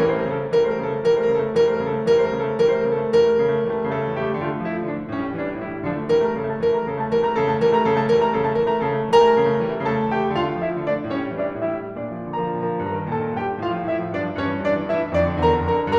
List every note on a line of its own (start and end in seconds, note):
0.00 0.24 E3
0.00 0.24 G3
0.00 0.15 A#4
0.08 0.21 C5
0.15 0.38 A3
0.15 0.30 A#4
0.26 0.53 C#3
0.26 0.53 A4
0.38 0.67 A3
0.55 0.80 E3
0.55 0.80 G3
0.55 0.67 A#4
0.63 0.74 C5
0.68 0.92 A3
0.68 0.85 A#4
0.80 1.02 C#3
0.80 1.02 A4
0.93 1.17 A3
1.02 1.25 E3
1.02 1.25 G3
1.02 1.17 A#4
1.10 1.18 C5
1.18 1.40 A3
1.18 1.35 A#4
1.27 1.53 C#3
1.27 1.53 A4
1.40 1.68 A3
1.54 1.78 E3
1.54 1.78 G3
1.54 1.68 A#4
1.61 1.73 C5
1.68 1.94 A3
1.68 1.86 A#4
1.79 2.05 C#3
1.79 2.05 A4
1.95 2.19 A3
2.05 2.33 E3
2.05 2.33 G3
2.05 2.19 A#4
2.12 2.25 C5
2.19 2.46 A3
2.19 2.40 A#4
2.33 2.57 C#3
2.33 2.57 A4
2.47 2.72 A3
2.58 2.87 E3
2.58 2.87 G3
2.58 2.72 A#4
2.64 2.77 C5
2.72 3.00 A3
2.72 2.94 A#4
2.88 3.13 C#3
2.88 3.13 A4
3.00 3.30 A3
3.15 3.44 E3
3.15 3.44 G3
3.15 3.87 A#4
3.31 3.52 A3
3.44 3.62 C#3
3.53 3.76 A3
3.62 3.87 E3
3.62 3.87 G3
3.77 4.01 A3
3.88 4.12 C#3
3.88 4.12 A4
4.01 4.26 A3
4.13 4.38 E3
4.13 4.38 G3
4.13 4.38 G4
4.26 4.50 A3
4.39 4.63 D3
4.39 4.50 F4
4.46 4.56 G4
4.52 4.76 A3
4.52 4.69 F4
4.63 4.88 F3
4.63 4.88 E4
4.77 4.98 A3
4.88 5.15 D3
4.88 5.15 D4
4.99 5.29 A3
5.17 5.40 A2
5.17 5.40 C#4
5.29 5.48 G3
5.40 5.58 E3
5.40 5.58 D4
5.48 5.68 G3
5.60 5.83 A2
5.60 5.83 E4
5.69 5.94 G3
5.83 6.11 D3
5.83 6.11 F3
5.83 6.11 D4
5.96 6.23 A3
6.11 6.36 E3
6.11 6.36 G3
6.11 6.36 A#4
6.25 6.49 A3
6.25 6.49 A#5
6.36 6.59 C#3
6.36 6.59 A4
6.49 6.75 A3
6.49 6.75 A5
6.61 6.90 E3
6.61 6.90 G3
6.61 6.90 A#4
6.75 6.99 A3
6.75 6.99 A#5
6.91 7.13 C#3
6.91 7.13 A4
7.00 7.22 A3
7.00 7.22 A5
7.13 7.40 E3
7.13 7.40 G3
7.13 7.40 A#4
7.23 7.50 A3
7.23 7.50 A#5
7.40 7.60 C#3
7.40 7.60 A4
7.51 7.77 A3
7.51 7.77 A5
7.62 7.88 E3
7.62 7.88 G3
7.62 7.88 A#4
7.77 7.96 A3
7.77 7.96 A#5
7.89 8.08 C#3
7.89 8.08 A4
7.96 8.23 A3
7.96 8.23 A5
8.09 8.36 E3
8.09 8.36 G3
8.09 8.36 A#4
8.24 8.46 A3
8.24 8.46 A#5
8.36 8.58 C#3
8.36 8.58 A4
8.46 8.70 A3
8.46 8.70 A5
8.58 8.81 E3
8.58 8.81 G3
8.58 8.81 A#4
8.71 8.96 A3
8.71 8.96 A#5
8.82 9.08 C#3
8.82 9.08 A4
8.82 9.08 A5
8.96 9.24 A3
9.09 9.37 E3
9.09 9.37 G3
9.09 9.83 A#4
9.09 9.83 A#5
9.24 9.52 A3
9.38 9.61 C#3
9.53 9.72 A3
9.61 9.83 E3
9.61 9.83 G3
9.72 9.97 A3
9.83 10.10 C#3
9.83 10.10 A4
9.83 10.10 A5
9.98 10.22 A3
10.10 10.33 E3
10.10 10.33 G3
10.10 10.33 G4
10.10 10.33 G5
10.22 10.46 A3
10.33 10.60 D3
10.33 10.60 F4
10.33 10.60 F5
10.46 10.70 A3
10.61 10.86 F3
10.61 10.86 E4
10.61 10.86 E5
10.72 10.97 A3
10.86 11.12 D3
10.86 11.12 D4
10.86 11.12 D5
10.98 11.24 A3
11.12 11.37 A2
11.12 11.37 C#4
11.12 11.37 C#5
11.25 11.52 G3
11.38 11.64 E3
11.38 11.64 D4
11.38 11.64 D5
11.52 11.83 G3
11.67 11.95 A2
11.67 11.95 E4
11.67 11.95 E5
11.83 12.12 G3
11.96 12.29 A#2
11.96 12.29 D4
11.96 12.29 D5
12.13 12.40 F3
12.29 12.52 D3
12.29 12.52 A#4
12.29 12.52 A#5
12.41 12.61 F3
12.52 12.75 A#2
12.52 12.75 A#4
12.52 12.75 A#5
12.62 12.93 F3
12.76 13.07 G2
12.76 13.07 A#4
12.76 13.07 A#5
12.93 13.22 D#3
13.08 13.39 A#2
13.08 13.39 A4
13.08 13.39 A5
13.22 13.50 D#3
13.40 13.61 G2
13.40 13.61 G4
13.40 13.61 G5
13.51 13.71 D#3
13.61 13.87 A2
13.61 13.87 F4
13.61 13.87 F5
13.72 14.00 F3
13.87 14.12 D3
13.87 14.12 E4
13.87 14.12 E5
14.01 14.23 F3
14.13 14.36 A2
14.13 14.36 D4
14.13 14.36 D5
14.23 14.43 F3
14.36 14.56 G2
14.36 14.56 C#4
14.36 14.56 C#5
14.43 14.68 E3
14.57 14.83 A2
14.57 14.83 D4
14.57 14.83 D5
14.69 14.97 E3
14.83 15.13 G2
14.83 15.13 E4
14.83 15.13 E5
14.98 15.26 E3
15.13 15.43 F2
15.13 15.43 D4
15.13 15.43 D5
15.27 15.59 D3
15.44 15.72 E2
15.44 15.72 A#4
15.44 15.72 A#5
15.59 15.84 D3
15.72 15.99 F2
15.72 15.99 A#4
15.72 15.99 A#5
15.84 15.99 D3